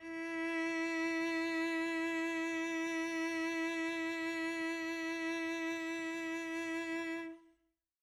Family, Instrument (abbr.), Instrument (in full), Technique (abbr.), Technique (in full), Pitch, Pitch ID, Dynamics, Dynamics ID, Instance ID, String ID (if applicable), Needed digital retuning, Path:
Strings, Vc, Cello, ord, ordinario, E4, 64, mf, 2, 0, 1, FALSE, Strings/Violoncello/ordinario/Vc-ord-E4-mf-1c-N.wav